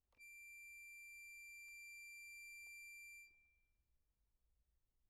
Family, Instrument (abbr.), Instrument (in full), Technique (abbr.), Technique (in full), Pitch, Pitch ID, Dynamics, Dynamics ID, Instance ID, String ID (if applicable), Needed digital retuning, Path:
Keyboards, Acc, Accordion, ord, ordinario, D7, 98, p, 1, 0, , FALSE, Keyboards/Accordion/ordinario/Acc-ord-D7-p-N-N.wav